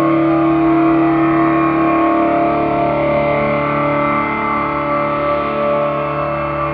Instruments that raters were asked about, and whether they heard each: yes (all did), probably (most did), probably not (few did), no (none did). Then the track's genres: accordion: no
guitar: probably not
bass: no
flute: no
ukulele: no
Noise